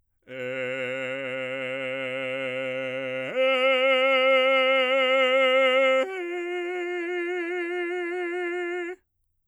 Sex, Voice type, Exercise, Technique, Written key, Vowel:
male, bass, long tones, full voice forte, , e